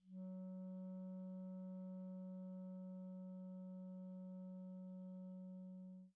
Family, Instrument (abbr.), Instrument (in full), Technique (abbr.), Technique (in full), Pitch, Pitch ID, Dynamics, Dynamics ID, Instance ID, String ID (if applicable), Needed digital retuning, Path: Winds, ClBb, Clarinet in Bb, ord, ordinario, F#3, 54, pp, 0, 0, , FALSE, Winds/Clarinet_Bb/ordinario/ClBb-ord-F#3-pp-N-N.wav